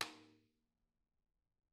<region> pitch_keycenter=61 lokey=61 hikey=61 volume=11.277393 offset=232 lovel=84 hivel=127 seq_position=1 seq_length=2 ampeg_attack=0.004000 ampeg_release=30.000000 sample=Membranophones/Struck Membranophones/Tom 1/TomH_rimS_v4_rr2_Mid.wav